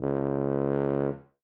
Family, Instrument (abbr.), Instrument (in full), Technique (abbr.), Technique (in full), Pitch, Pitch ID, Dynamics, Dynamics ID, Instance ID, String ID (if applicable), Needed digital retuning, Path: Brass, BTb, Bass Tuba, ord, ordinario, C#2, 37, ff, 4, 0, , FALSE, Brass/Bass_Tuba/ordinario/BTb-ord-C#2-ff-N-N.wav